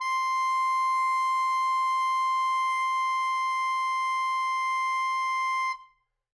<region> pitch_keycenter=84 lokey=84 hikey=85 volume=15.008689 lovel=84 hivel=127 ampeg_attack=0.004000 ampeg_release=0.500000 sample=Aerophones/Reed Aerophones/Tenor Saxophone/Non-Vibrato/Tenor_NV_Main_C5_vl3_rr1.wav